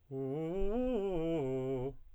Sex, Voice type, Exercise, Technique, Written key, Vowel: male, tenor, arpeggios, fast/articulated piano, C major, u